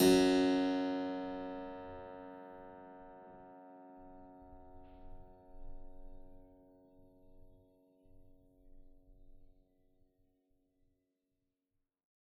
<region> pitch_keycenter=30 lokey=29 hikey=31 volume=-0.253976 trigger=attack ampeg_attack=0.004000 ampeg_release=0.40000 amp_veltrack=0 sample=Chordophones/Zithers/Harpsichord, Flemish/Sustains/High/Harpsi_High_Far_F#1_rr1.wav